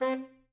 <region> pitch_keycenter=60 lokey=59 hikey=61 tune=8 volume=15.740983 lovel=84 hivel=127 ampeg_attack=0.004000 ampeg_release=1.500000 sample=Aerophones/Reed Aerophones/Tenor Saxophone/Staccato/Tenor_Staccato_Main_C3_vl2_rr4.wav